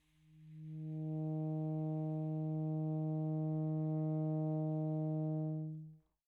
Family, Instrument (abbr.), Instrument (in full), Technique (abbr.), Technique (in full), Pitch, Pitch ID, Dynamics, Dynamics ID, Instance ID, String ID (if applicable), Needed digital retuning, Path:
Winds, ASax, Alto Saxophone, ord, ordinario, D#3, 51, pp, 0, 0, , FALSE, Winds/Sax_Alto/ordinario/ASax-ord-D#3-pp-N-N.wav